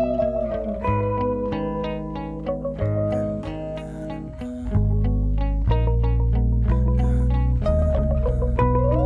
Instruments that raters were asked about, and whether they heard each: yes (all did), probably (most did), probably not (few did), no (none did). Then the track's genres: ukulele: no
Soundtrack; Instrumental